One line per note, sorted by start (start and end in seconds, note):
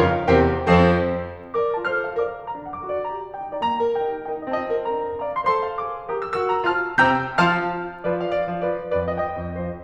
0.00 0.17 F2
0.00 0.17 C#3
0.00 0.17 F4
0.00 0.17 A#4
0.00 0.17 C#5
0.00 0.17 F5
0.35 0.55 E2
0.35 0.55 C3
0.35 0.55 G4
0.35 0.55 A#4
0.35 0.55 C5
0.35 0.55 G5
0.71 1.00 F2
0.71 1.00 F3
0.71 1.00 C4
0.71 1.00 A4
0.71 1.00 C5
1.58 1.76 A#4
1.58 1.76 D5
1.58 1.76 D6
1.76 1.86 F4
1.76 1.86 C5
1.76 1.86 A5
1.76 1.86 F6
1.86 2.15 A4
1.86 2.15 C5
1.86 2.15 F6
2.03 2.28 F5
2.15 2.29 A#4
2.15 2.29 D5
2.15 2.29 D6
2.43 2.60 G4
2.43 2.62 A#4
2.43 2.60 A#5
2.60 2.67 D4
2.60 2.67 A4
2.60 2.67 F#5
2.60 2.67 D6
2.68 3.01 F#4
2.68 3.01 A4
2.68 3.01 D6
2.84 3.17 D5
3.01 3.17 G4
3.01 3.17 A#4
3.01 3.17 A#5
3.36 3.55 D#4
3.36 3.58 G4
3.36 3.55 G5
3.53 3.61 A#3
3.53 3.61 F4
3.53 3.61 D5
3.53 3.61 A#5
3.62 3.96 D4
3.62 3.96 F4
3.62 3.96 A#5
3.77 4.12 A#4
3.96 4.13 D#4
3.96 4.13 G4
3.96 4.13 G5
4.30 4.53 D#4
4.30 4.53 G4
4.30 4.50 A#4
4.30 4.50 G5
4.52 4.57 C4
4.52 4.57 F4
4.52 4.57 D#5
4.52 4.57 A5
4.59 4.91 C4
4.59 4.91 F4
4.59 4.91 A5
4.75 4.91 D#5
4.91 5.05 D4
4.91 5.05 F4
4.91 5.05 A#4
4.91 5.05 A#5
5.22 5.50 D5
5.22 5.58 F5
5.22 5.47 A#5
5.49 5.58 A4
5.49 5.58 C5
5.49 5.58 C6
5.58 5.93 A4
5.58 5.93 C5
5.58 5.93 C6
5.77 6.04 F5
5.94 6.05 G#4
5.94 6.05 A#4
5.94 6.05 D6
6.16 6.35 G4
6.16 6.43 A#4
6.16 6.43 A#5
6.16 6.35 D#6
6.35 6.43 F#4
6.35 6.43 E6
6.43 6.70 F#4
6.43 6.70 A#4
6.43 6.70 E6
6.55 6.70 A#5
6.70 6.84 F4
6.70 6.84 C5
6.70 6.84 A5
6.70 6.84 F6
7.01 7.21 C3
7.01 7.21 C4
7.01 7.21 G5
7.01 7.21 A#5
7.01 7.21 E6
7.01 7.21 G6
7.40 7.56 F3
7.40 7.56 F4
7.40 7.56 F5
7.40 7.56 A5
7.40 7.56 F6
8.03 8.50 F3
8.03 8.50 F4
8.03 8.27 B4
8.03 8.27 D5
8.27 8.35 D5
8.27 8.35 F5
8.35 8.64 D5
8.35 8.64 F5
8.51 8.64 F3
8.64 8.78 F4
8.64 8.78 B4
8.64 8.78 D5
8.93 9.40 F2
8.93 9.40 F3
8.93 9.11 B4
8.93 9.11 D5
9.11 9.20 D#5
9.11 9.20 G5
9.20 9.57 D#5
9.20 9.57 G5
9.43 9.57 F2
9.57 9.72 F3
9.57 9.72 C5
9.57 9.72 D#5